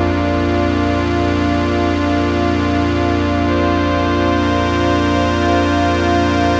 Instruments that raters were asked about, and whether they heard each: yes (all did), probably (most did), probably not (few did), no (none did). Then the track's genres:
synthesizer: yes
Avant-Garde; Experimental